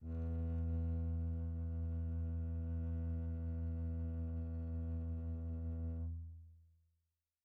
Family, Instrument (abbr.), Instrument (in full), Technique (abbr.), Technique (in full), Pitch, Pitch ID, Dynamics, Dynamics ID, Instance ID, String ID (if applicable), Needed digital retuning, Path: Strings, Cb, Contrabass, ord, ordinario, E2, 40, pp, 0, 3, 4, FALSE, Strings/Contrabass/ordinario/Cb-ord-E2-pp-4c-N.wav